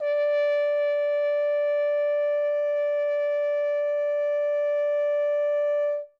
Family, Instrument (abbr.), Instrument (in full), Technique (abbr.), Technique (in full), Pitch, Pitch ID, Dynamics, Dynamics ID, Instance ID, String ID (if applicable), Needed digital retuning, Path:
Brass, Hn, French Horn, ord, ordinario, D5, 74, ff, 4, 0, , FALSE, Brass/Horn/ordinario/Hn-ord-D5-ff-N-N.wav